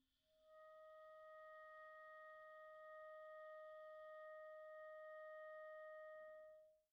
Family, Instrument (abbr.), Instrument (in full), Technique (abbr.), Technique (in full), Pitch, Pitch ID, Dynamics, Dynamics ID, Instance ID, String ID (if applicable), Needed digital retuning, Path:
Winds, ClBb, Clarinet in Bb, ord, ordinario, D#5, 75, pp, 0, 0, , FALSE, Winds/Clarinet_Bb/ordinario/ClBb-ord-D#5-pp-N-N.wav